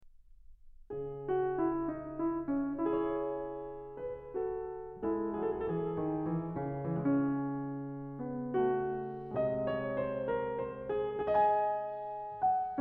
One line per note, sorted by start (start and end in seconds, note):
0.94 9.29 C#3
0.94 1.30 G#4
1.30 1.58 F#4
1.58 1.87 E4
1.87 2.18 D#4
2.18 2.47 E4
2.47 2.83 C#4
2.83 4.38 E4
2.83 4.38 G#4
2.90 4.05 C#5
4.05 4.36 B4
4.36 5.07 F#4
4.36 5.01 A4
5.07 5.41 G#3
5.07 8.60 E4
5.07 5.15 A4
5.21 5.28 G#4
5.28 5.35 A4
5.35 5.43 G#4
5.41 5.66 F#3
5.41 5.49 A4
5.53 8.65 G#4
5.66 6.00 E3
6.00 6.28 D#3
6.28 6.62 E3
6.62 6.87 C#3
6.87 6.98 E3
6.98 7.06 G#3
7.06 8.18 C#4
8.18 8.59 B3
8.59 9.29 A3
8.59 11.27 F#4
9.29 12.81 C3
9.29 12.81 G#3
9.29 9.60 D#5
9.60 9.96 C#5
9.96 10.27 C5
10.27 10.62 A#4
10.62 10.89 C5
10.89 11.28 G#4
11.27 12.79 G#4
11.27 12.79 D#5
11.32 12.45 G#5
12.45 12.81 F#5